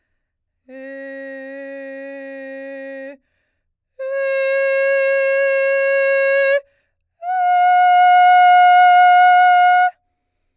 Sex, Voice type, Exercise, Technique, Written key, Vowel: female, soprano, long tones, straight tone, , e